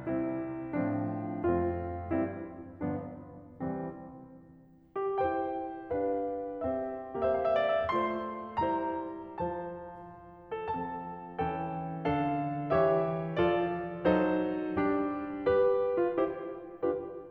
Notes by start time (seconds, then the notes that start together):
0.00 C3 G3 C4 E4
0.74 A2 F3 C4 D4
1.42 F2 A3 C4 F4
2.14 G2 G3 C4 E4
2.89 G1 F3 B3 D4
3.62 C2 E3 G3 C4
4.98 G4
5.17 E4 G4 C5 G5
5.92 D4 G4 B4 F5
6.57 C4 G4 C5 E5
7.21 A#3 G4 C5 E5
7.29 F5
7.38 E5
7.44 F5
7.55 E5
7.64 F5
7.76 D5
7.84 E5
7.95 A3 F4 C5 C6
8.63 G3 E4 C5 A#5
9.39 F3 F4 C5 A5
10.54 A4
10.74 F3 C4 A4 A5
11.40 E3 C4 A4 G5
12.07 D3 D4 A4 F5
12.71 E3 G4 C#5 E5
13.36 F3 F4 A4 D5
14.07 F#3 D#4 A4 C5
14.76 G3 D4 G4
15.49 G4 B4
16.00 F4
16.17 E4 G4 C5
16.86 D4 F4 G4 B4